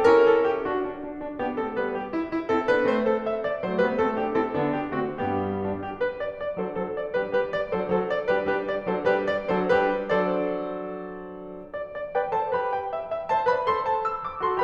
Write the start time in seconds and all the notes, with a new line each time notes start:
0.00 C#4 E4 G4
0.07 A4
0.12 A#4
0.24 A4
0.44 G4
0.72 D4 F#4
0.89 D4
1.09 D4
1.25 D4
1.43 B3 D4 G4
1.59 A3 C4 A4
1.75 G3 B3 B4
2.00 G4
2.15 E4
2.31 E4
2.50 C4 E4 A4
2.66 B3 D4 B4
2.87 A3 C4 C5
3.08 A4
3.29 E5
3.47 D5
3.63 F#3 A3 C5
3.83 G3 B3 B4
4.02 A3 C4 A4
4.18 B3 D4 G4
4.39 C4 E4 A4
4.57 D3 B3 D4
4.77 G4
5.00 D3 A3 C4 F#4
5.19 G2 G3 B3 G4
5.63 D4
5.82 G4
6.01 B4
6.22 D5
6.41 D5
6.58 F#3 D4 A4 C5
6.79 F#3 D4 A4 C5
7.01 D5
7.20 G3 D4 G4 B4
7.34 G3 D4 G4 B4
7.52 D5
7.73 F#3 D4 A4 C5
7.95 F#3 D4 A4 C5
8.14 D5
8.32 G3 D4 G4 B4
8.51 G3 D4 G4 B4
8.71 D5
8.89 F#3 D4 A4 C5
9.08 G3 D4 G4 B4
9.26 D5
9.50 F#3 D4 A4 C5
9.75 G3 D4 G4 B4
10.00 F#3 D4 A4 C5 D5
11.70 D5
11.96 D5
12.17 B4 D5 G5
12.34 A4 C5 A5
12.57 G4 B4 B5
12.76 G5
12.90 E5
13.10 E5
13.32 C5 E5 A5
13.49 B4 D5 B5
13.70 A4 C5 C6
13.89 A5
14.05 E6
14.22 D6
14.43 F#4 A4 C6